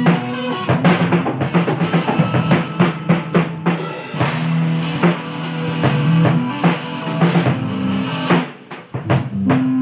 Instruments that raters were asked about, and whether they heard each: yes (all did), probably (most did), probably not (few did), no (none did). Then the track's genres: piano: no
synthesizer: probably
drums: yes
mallet percussion: no
Rock; Folk; Lo-Fi; Improv